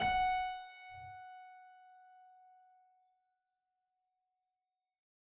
<region> pitch_keycenter=78 lokey=78 hikey=79 volume=1.008326 trigger=attack ampeg_attack=0.004000 ampeg_release=0.400000 amp_veltrack=0 sample=Chordophones/Zithers/Harpsichord, Flemish/Sustains/Low/Harpsi_Low_Far_F#4_rr1.wav